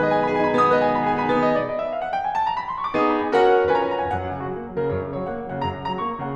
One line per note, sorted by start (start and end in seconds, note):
0.00 0.13 B4
0.00 0.13 D#5
0.13 0.26 G#4
0.13 0.26 G#5
0.27 0.35 D#4
0.27 0.35 B5
0.35 0.48 G#4
0.35 0.48 G#5
0.49 0.60 D#4
0.49 0.60 B5
0.60 0.73 B3
0.60 0.73 D#6
0.73 0.84 B4
0.73 0.84 D#5
0.84 0.94 G#4
0.84 0.94 G#5
0.94 1.04 D#4
0.94 1.04 B5
1.07 1.17 G#4
1.07 1.17 G#5
1.17 1.30 D#4
1.17 1.30 B5
1.31 1.57 B3
1.31 1.44 D#6
1.44 1.57 D#5
1.57 1.68 D5
1.68 1.80 D#5
1.80 1.92 E5
1.93 2.00 F5
2.00 2.11 F#5
2.12 2.23 G5
2.23 2.36 G#5
2.36 2.44 A5
2.44 2.55 A#5
2.55 2.66 B5
2.66 2.77 C6
2.77 2.87 C#6
2.88 2.96 D6
2.96 3.22 B3
2.96 3.22 D#4
2.96 3.22 G#4
2.96 3.10 D#6
3.10 3.22 B5
3.22 3.33 G#5
3.33 3.55 C#4
3.33 3.55 F#4
3.33 3.55 A#4
3.33 3.55 F#5
3.72 3.98 C#4
3.72 3.98 F4
3.72 3.98 B4
3.72 3.87 G#5
3.78 3.92 A#5
3.87 3.98 G#5
3.92 4.03 A#5
3.98 4.17 F#5
4.04 4.17 G#5
4.17 4.31 F#2
4.17 4.42 F#5
4.31 4.42 C#3
4.42 4.55 F#3
4.42 4.55 F#4
4.55 4.66 A#3
4.55 4.81 A#4
4.67 4.81 F#3
4.81 4.93 C#3
4.81 4.93 A#4
4.93 5.10 F#2
4.93 5.20 C#5
5.10 5.20 C#3
5.20 5.31 F#3
5.20 5.31 C#5
5.31 5.43 A#3
5.31 5.53 F#5
5.43 5.53 F#3
5.54 5.62 C#3
5.54 5.62 F#5
5.62 5.77 F#2
5.62 5.89 A#5
5.77 5.89 C#3
5.89 6.00 F#3
5.89 6.00 A#5
6.00 6.14 A#3
6.00 6.25 C#6
6.14 6.25 F#3
6.25 6.36 C#3
6.25 6.36 F#5